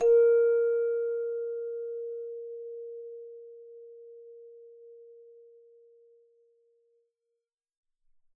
<region> pitch_keycenter=70 lokey=70 hikey=71 tune=-3 volume=6.526468 ampeg_attack=0.004000 ampeg_release=30.000000 sample=Idiophones/Struck Idiophones/Hand Chimes/sus_A#3_r01_main.wav